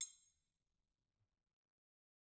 <region> pitch_keycenter=64 lokey=64 hikey=64 volume=20.187048 offset=181 seq_position=2 seq_length=2 ampeg_attack=0.004000 ampeg_release=30.000000 sample=Idiophones/Struck Idiophones/Triangles/Triangle1_hitFM_v2_rr2_Mid.wav